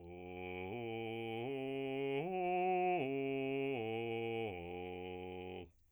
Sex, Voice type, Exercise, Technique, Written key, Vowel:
male, bass, arpeggios, slow/legato piano, F major, o